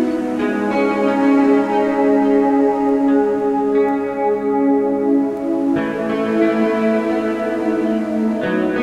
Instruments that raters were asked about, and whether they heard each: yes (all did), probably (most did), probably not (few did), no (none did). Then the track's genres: cello: no
Ambient Electronic; Ambient